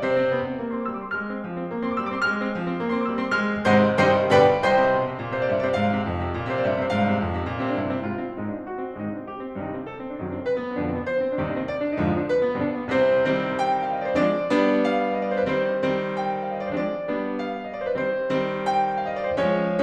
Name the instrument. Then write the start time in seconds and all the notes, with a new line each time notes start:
piano
0.00 C3 C5
0.16 C4
0.33 B3
0.46 C4
0.60 A#3
0.72 C6
0.78 C4
0.82 D6
0.92 G3 E6
1.01 C4 D6
1.07 C6
1.16 G#3 F6
1.31 C4
1.46 F3
1.59 C4
1.68 A#3
1.79 C6
1.83 C4 D6
1.97 G3 E6
2.07 C4 D6
2.15 C6
2.25 G#3 F6
2.41 C4
2.55 F3
2.71 C4
2.84 A#3
2.95 C6
3.00 C4
3.04 D6
3.12 G3 E6
3.17 D6
3.22 C4 C6
3.34 G#3 F6
3.67 G#2 C3 D#3 G#3 C5 D#5 F#5 C6
3.98 G2 C3 D#3 G3 C5 D#5 G5 C6
4.31 G2 B2 D3 G3 B4 D5 G5 B5
4.62 C2 C5 D#5 G5 C6
4.78 C3
4.93 B2
5.04 C3
5.18 A#2
5.27 C5
5.32 C3
5.36 D5
5.48 G2 E5
5.57 D5
5.62 C3
5.67 C5
5.77 G#2 F5
5.93 C3
6.10 F2
6.29 C3
6.42 A#2
6.49 C3 C5
6.56 D5
6.65 G2 E5
6.75 C3 D5
6.83 C5
6.92 G#2 F5
7.07 C3
7.23 F2
7.37 C3
7.52 A#2
7.65 C3 C4
7.72 D4
7.79 G2 E4
7.85 D4
7.92 C3
7.99 C4
8.09 G#2 F4
8.17 C4
8.28 D4
8.37 G#2 G#3 D#4
8.48 D4
8.58 C4
8.68 F#4
8.80 C4
8.90 D4
9.01 G#2 C3 D#3 G#3 D#4
9.09 D4
9.18 C4
9.31 G4
9.42 C4
9.51 D4
9.64 G2 C3 D#3 G3 D#4
9.71 D4
9.80 C4
9.89 A4
10.00 C4
10.10 D4
10.19 F#2 C3 D#3 F#3 D#4
10.31 D4
10.37 C4
10.47 B4
10.55 B3
10.67 C4
10.75 F2 B2 D3 F3 D4
10.88 C4
10.97 B3
11.10 C5
11.22 C4
11.31 D4
11.42 D#2 G2 C3 D#3 D#4
11.51 D4
11.61 C4
11.69 D5
11.80 D4
11.91 D#4
12.00 F2 G#2 D3 F3 F4
12.10 D#4
12.19 D4
12.27 B4
12.39 B3
12.49 C4
12.56 G2 B2 D3 G3 D4
12.65 C4
12.76 B3
12.88 C2 C3 C4 C5
13.21 D#3 G3 C4
13.49 G5
13.79 F5
13.89 D#5
13.97 D5
14.05 C5
14.13 F3 G#3 C4 D4 D5
14.44 G3 B3 D4
14.86 F5
15.20 D#5
15.27 D5
15.36 C5
15.43 B4
15.51 D#3 G3 C4 C5
15.88 D#3 G3 C4
16.17 G5
16.45 F5
16.53 D#5
16.58 D5
16.66 C5
16.75 F3 G#3 C4 D4 D5
17.08 G3 B3 D4
17.40 F5
17.67 D#5
17.72 D5
17.79 C5
17.86 B4
17.94 D#3 G3 C4 C5
18.29 D#3 G3 C4
18.67 G5
19.06 F5
19.14 D#5
19.23 D5
19.31 C5
19.41 F3 G#3 C#4 C#5